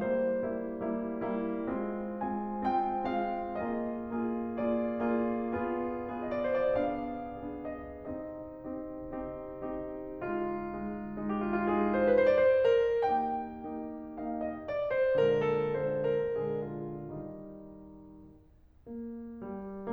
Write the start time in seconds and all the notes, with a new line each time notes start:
0.00 G3 A#3 E4 C5
0.45 G3 A#3 E4
0.81 G3 A#3 E4
1.16 G3 A#3 E4
1.65 G#3 C4 F4
2.17 G#3 C4 F4 G#5
2.66 G#3 C4 F4 G5
3.07 G#3 C4 F4 F5
3.59 A#3 F4 G#4 D#5
4.13 A#3 F4 G#4
4.57 A#3 F4 G#4 D5
5.03 A#3 F4 G#4
5.63 B3 F4 G#4
6.12 B3 F4 G#4 D#5
6.23 D5
6.34 C5
6.55 D5
6.80 B3 D4 G#4 F5
7.38 B3 D4 G#4
7.77 D#5
8.07 C4 D#4 G4 D#5
8.68 C4 D#4 G4
9.21 C4 D#4 G4
9.79 C4 D#4 G4
10.26 G#3 D#4 F4
10.88 G#3 D#4
11.34 G#3 D#4 G4
11.45 F4
11.55 E4
11.71 F4
11.81 G#3 D#4 G#4
12.03 C5
12.24 B4
12.31 C5
12.39 D5
12.47 C5
12.64 A#4
13.03 A#3 D#4 G4 G5
13.57 A#3 D#4 G4
14.14 A#3 D#4 G4 F5
14.37 D#5
14.59 D5
14.90 C5
15.19 A#2 D3 G#3 A#4
15.48 A4
15.71 A#2 D3 G#3 C5
16.03 A#4
16.51 A#2 D3 G#3 G#4
16.81 F4
17.07 D#3 G3 D#4
18.88 A#3
19.42 G3